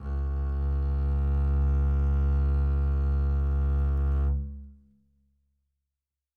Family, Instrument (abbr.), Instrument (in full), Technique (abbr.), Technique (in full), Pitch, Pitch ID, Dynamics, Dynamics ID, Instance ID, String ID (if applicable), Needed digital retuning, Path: Strings, Cb, Contrabass, ord, ordinario, C#2, 37, mf, 2, 2, 3, FALSE, Strings/Contrabass/ordinario/Cb-ord-C#2-mf-3c-N.wav